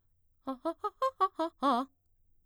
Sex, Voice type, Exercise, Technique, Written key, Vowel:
female, mezzo-soprano, arpeggios, fast/articulated piano, C major, a